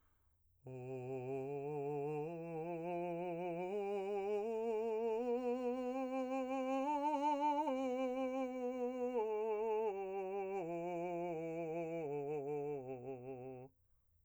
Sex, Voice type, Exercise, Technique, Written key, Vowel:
male, , scales, slow/legato piano, C major, o